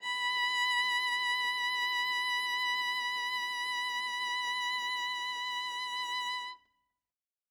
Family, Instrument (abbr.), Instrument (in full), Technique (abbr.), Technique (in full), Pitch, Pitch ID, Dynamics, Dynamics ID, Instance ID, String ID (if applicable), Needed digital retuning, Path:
Strings, Va, Viola, ord, ordinario, B5, 83, ff, 4, 0, 1, TRUE, Strings/Viola/ordinario/Va-ord-B5-ff-1c-T18u.wav